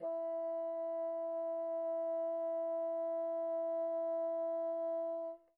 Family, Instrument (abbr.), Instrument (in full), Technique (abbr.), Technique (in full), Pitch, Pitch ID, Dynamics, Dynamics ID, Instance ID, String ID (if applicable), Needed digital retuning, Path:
Winds, Bn, Bassoon, ord, ordinario, E4, 64, pp, 0, 0, , FALSE, Winds/Bassoon/ordinario/Bn-ord-E4-pp-N-N.wav